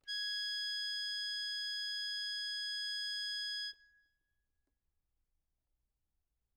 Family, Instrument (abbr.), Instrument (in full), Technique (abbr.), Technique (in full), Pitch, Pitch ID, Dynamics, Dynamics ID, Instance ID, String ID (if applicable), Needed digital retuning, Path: Keyboards, Acc, Accordion, ord, ordinario, G#6, 92, ff, 4, 0, , FALSE, Keyboards/Accordion/ordinario/Acc-ord-G#6-ff-N-N.wav